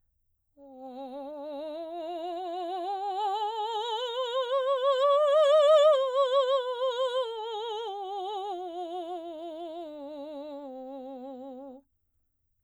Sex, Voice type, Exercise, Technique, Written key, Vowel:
female, soprano, scales, slow/legato piano, C major, o